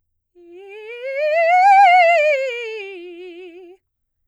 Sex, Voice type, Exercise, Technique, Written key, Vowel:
female, soprano, scales, fast/articulated piano, F major, i